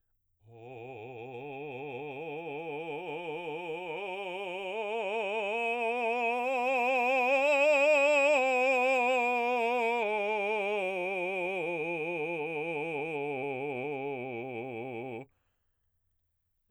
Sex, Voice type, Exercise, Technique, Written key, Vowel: male, baritone, scales, vibrato, , o